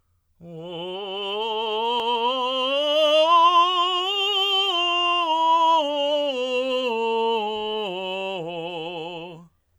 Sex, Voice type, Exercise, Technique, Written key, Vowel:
male, tenor, scales, slow/legato forte, F major, o